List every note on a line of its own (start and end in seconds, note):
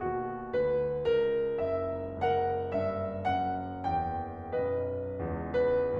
0.00 0.55 D#2
0.00 1.03 B2
0.00 0.55 F#4
0.56 1.03 D2
0.56 1.03 B4
1.04 2.12 C#2
1.04 2.12 A#4
1.59 2.12 F#1
1.59 2.12 E5
2.14 4.63 F#1
2.14 2.67 C#2
2.14 4.63 A#4
2.14 2.67 F#5
2.68 3.25 G2
2.68 3.25 E5
3.26 3.94 F#2
3.26 3.94 F#5
3.95 4.63 E2
3.95 4.63 G5
4.64 5.32 B1
4.64 5.32 F#2
4.64 5.67 B4
4.64 5.67 D#5
5.33 5.98 C#2
5.33 5.98 E2
5.68 5.98 B4